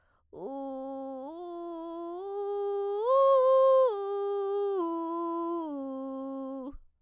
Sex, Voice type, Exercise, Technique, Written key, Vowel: female, soprano, arpeggios, vocal fry, , u